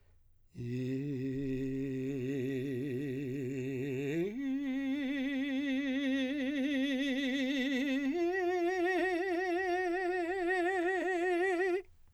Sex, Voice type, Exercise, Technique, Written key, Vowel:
male, , long tones, trill (upper semitone), , i